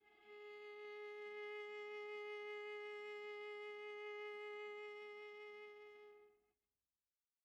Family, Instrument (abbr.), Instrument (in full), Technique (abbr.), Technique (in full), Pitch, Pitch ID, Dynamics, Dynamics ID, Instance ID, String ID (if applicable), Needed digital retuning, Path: Strings, Va, Viola, ord, ordinario, G#4, 68, pp, 0, 1, 2, FALSE, Strings/Viola/ordinario/Va-ord-G#4-pp-2c-N.wav